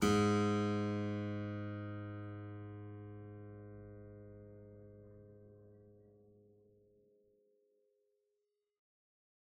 <region> pitch_keycenter=44 lokey=44 hikey=45 volume=1.375547 trigger=attack ampeg_attack=0.004000 ampeg_release=0.350000 amp_veltrack=0 sample=Chordophones/Zithers/Harpsichord, English/Sustains/Normal/ZuckermannKitHarpsi_Normal_Sus_G#1_rr1.wav